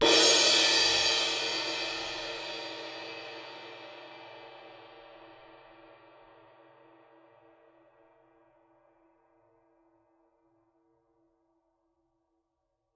<region> pitch_keycenter=68 lokey=68 hikey=68 volume=7.625253 lovel=107 hivel=127 ampeg_attack=0.004000 ampeg_release=30 sample=Idiophones/Struck Idiophones/Suspended Cymbal 1/susCymb1_hit_fff1.wav